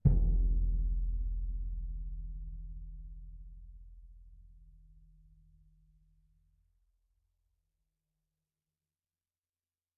<region> pitch_keycenter=62 lokey=62 hikey=62 volume=14.496991 offset=2060 lovel=73 hivel=93 seq_position=2 seq_length=2 ampeg_attack=0.004000 ampeg_release=30 sample=Membranophones/Struck Membranophones/Bass Drum 2/bassdrum_hit_mf2.wav